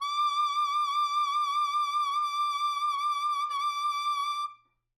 <region> pitch_keycenter=86 lokey=86 hikey=89 tune=2 volume=12.443134 ampeg_attack=0.004000 ampeg_release=0.500000 sample=Aerophones/Reed Aerophones/Tenor Saxophone/Vibrato/Tenor_Vib_Main_D5_var3.wav